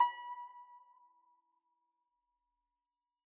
<region> pitch_keycenter=83 lokey=82 hikey=84 volume=16.983931 lovel=0 hivel=83 ampeg_attack=0.004000 ampeg_release=0.300000 sample=Chordophones/Zithers/Dan Tranh/Vibrato/B4_vib_mf_1.wav